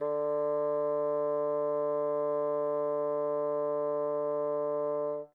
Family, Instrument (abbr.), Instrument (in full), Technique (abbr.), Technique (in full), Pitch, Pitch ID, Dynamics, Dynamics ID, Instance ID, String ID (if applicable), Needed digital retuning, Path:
Winds, Bn, Bassoon, ord, ordinario, D3, 50, mf, 2, 0, , FALSE, Winds/Bassoon/ordinario/Bn-ord-D3-mf-N-N.wav